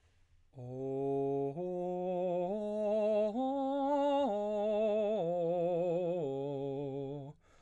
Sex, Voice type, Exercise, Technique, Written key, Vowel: male, baritone, arpeggios, slow/legato piano, C major, o